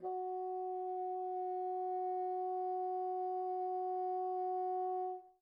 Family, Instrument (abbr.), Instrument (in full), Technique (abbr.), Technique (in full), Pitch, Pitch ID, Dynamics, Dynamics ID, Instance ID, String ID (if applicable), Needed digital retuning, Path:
Winds, Bn, Bassoon, ord, ordinario, F#4, 66, pp, 0, 0, , FALSE, Winds/Bassoon/ordinario/Bn-ord-F#4-pp-N-N.wav